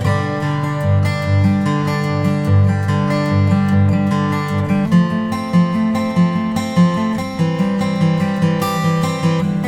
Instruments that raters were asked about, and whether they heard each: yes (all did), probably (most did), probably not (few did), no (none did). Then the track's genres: guitar: yes
accordion: no
Soundtrack